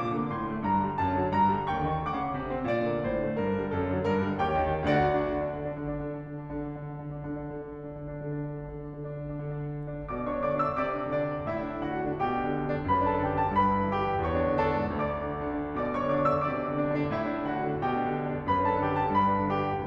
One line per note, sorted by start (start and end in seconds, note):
0.00 0.13 A#2
0.05 1.71 D6
0.14 0.23 D3
0.23 0.34 A#3
0.34 0.42 A2
0.34 0.62 C6
0.42 0.52 D3
0.52 0.62 A3
0.63 0.70 G2
0.63 0.91 A#5
0.70 0.80 D3
0.80 0.91 G3
0.92 1.01 F#2
0.92 1.24 A5
1.01 1.14 D3
1.15 1.24 F#3
1.24 1.44 G2
1.24 1.68 A#5
1.44 1.54 D3
1.56 1.68 G3
1.68 1.79 D#2
1.68 2.04 G5
1.68 2.04 C#6
1.79 1.90 D3
1.90 2.04 D#3
2.04 2.17 D2
2.04 2.37 F#5
2.04 2.37 D6
2.19 2.26 C#3
2.26 2.37 D3
2.37 2.47 C3
2.48 2.59 D3
2.59 2.68 C4
2.69 2.82 A#2
2.69 4.39 D5
2.82 2.95 D3
2.95 3.04 A#3
3.05 3.18 A2
3.05 3.39 C5
3.18 3.30 D3
3.30 3.39 A3
3.39 3.47 G2
3.39 3.67 A#4
3.47 3.56 D3
3.58 3.67 G3
3.67 3.78 F#2
3.67 4.02 A4
3.78 3.90 D3
3.90 4.02 F#3
4.02 4.18 G2
4.02 4.39 A#4
4.18 4.28 D3
4.28 4.39 G3
4.39 4.55 D#2
4.39 4.88 G4
4.39 4.88 C#5
4.39 4.88 G5
4.55 4.70 D3
4.70 4.88 D#3
4.88 5.03 D2
4.88 5.03 D3
4.88 5.39 F#4
4.88 5.39 D5
4.88 5.39 F#5
5.04 5.28 D4
5.28 5.39 D3
5.39 5.65 D4
5.69 5.78 D3
5.78 5.91 D4
5.91 6.12 D3
6.12 6.21 D4
6.21 6.63 D3
6.64 6.73 D4
6.73 6.86 D3
6.86 7.05 D4
7.05 7.16 D3
7.16 7.28 D4
7.29 7.40 D3
7.40 7.49 D4
7.49 7.58 D3
7.58 7.67 D4
7.67 7.79 D3
7.80 7.88 D4
7.88 7.98 D3
7.98 8.10 D4
8.10 8.25 D3
8.25 8.37 D4
8.38 8.45 D3
8.45 8.54 D4
8.54 8.71 D3
8.71 8.80 D4
8.80 8.88 D3
8.89 8.97 D4
8.97 9.06 D3
9.06 9.14 D4
9.14 9.22 D3
9.22 9.33 D4
9.35 9.44 D3
9.44 9.53 D4
9.53 9.62 D3
9.62 9.72 D4
9.73 9.81 D3
9.82 9.95 D4
9.95 10.05 D3
10.05 10.15 D4
10.15 10.31 B2
10.15 10.36 D5
10.15 10.36 D6
10.32 10.40 D4
10.37 10.52 C#5
10.37 10.52 C#6
10.41 10.52 D3
10.52 10.61 D4
10.52 10.66 D5
10.52 10.66 D6
10.61 10.69 D3
10.66 10.77 D4
10.66 10.77 E5
10.66 10.77 E6
10.79 10.86 C3
10.79 11.09 D5
10.79 11.09 D6
10.87 10.96 D4
10.96 11.09 D3
11.09 11.20 D4
11.09 11.47 D4
11.09 11.47 D5
11.20 11.32 D3
11.34 11.47 D4
11.47 11.58 A2
11.47 11.81 E4
11.47 11.81 E5
11.58 11.70 D4
11.70 11.81 D3
11.81 12.00 D4
11.81 12.23 F#4
11.81 12.23 F#5
12.02 12.13 D3
12.13 12.23 D4
12.23 12.35 B2
12.23 12.90 G4
12.23 12.90 G5
12.35 12.47 D4
12.47 12.60 D3
12.61 12.72 D4
12.72 12.81 D3
12.81 12.90 D4
12.90 13.03 F#2
12.90 13.08 B4
12.90 13.08 B5
13.03 13.18 D4
13.11 13.28 A4
13.11 13.28 A5
13.20 13.28 D3
13.28 13.33 D4
13.28 13.39 G4
13.28 13.39 G5
13.33 13.43 D3
13.39 13.53 A4
13.39 13.53 A5
13.43 13.53 D4
13.53 13.65 G2
13.53 13.91 B4
13.53 13.91 B5
13.68 13.82 D4
13.82 13.91 D3
13.91 14.00 D4
13.91 14.21 G4
13.91 14.21 G5
14.00 14.12 D3
14.12 14.21 D4
14.22 14.41 E2
14.22 14.62 C#5
14.22 14.62 C#6
14.41 14.50 D4
14.50 14.62 D3
14.62 14.76 D4
14.62 15.07 A4
14.62 15.07 A5
14.76 14.88 D3
14.90 15.07 D4
15.07 15.27 D2
15.07 15.77 D5
15.07 15.77 D6
15.27 15.37 D4
15.37 15.48 D3
15.48 15.56 D4
15.57 15.67 D3
15.67 15.77 D4
15.77 15.88 B2
15.77 15.96 D5
15.77 15.96 D6
15.88 16.02 D4
15.96 16.15 C#5
15.96 16.15 C#6
16.02 16.15 D3
16.16 16.27 D4
16.16 16.35 D5
16.16 16.35 D6
16.27 16.39 D3
16.35 16.52 E5
16.35 16.52 E6
16.39 16.52 D4
16.52 16.61 C3
16.52 16.86 D5
16.52 16.86 D6
16.61 16.72 D4
16.75 16.86 D3
16.86 16.96 D4
16.86 17.14 D4
16.86 17.14 D5
16.96 17.04 D3
17.04 17.14 D4
17.15 17.23 A2
17.15 17.52 E4
17.15 17.52 E5
17.24 17.37 D4
17.37 17.52 D3
17.52 17.65 D4
17.52 17.86 F#4
17.52 17.86 F#5
17.65 17.77 D3
17.79 17.86 D4
17.87 17.95 B2
17.87 18.46 G4
17.87 18.46 G5
17.95 18.04 D4
18.04 18.15 D3
18.15 18.26 D4
18.27 18.37 D3
18.38 18.46 D4
18.46 18.54 F#2
18.46 18.68 B4
18.46 18.68 B5
18.54 18.72 D4
18.68 18.82 D3
18.68 18.82 A4
18.68 18.82 A5
18.83 18.92 D4
18.83 18.99 G4
18.83 18.99 G5
18.92 19.06 D3
18.99 19.16 A4
18.99 19.16 A5
19.06 19.16 D4
19.16 19.28 G2
19.16 19.55 B4
19.16 19.55 B5
19.28 19.44 D4
19.45 19.55 D3
19.55 19.67 D4
19.55 19.86 G4
19.55 19.86 G5
19.67 19.76 D3
19.76 19.86 D4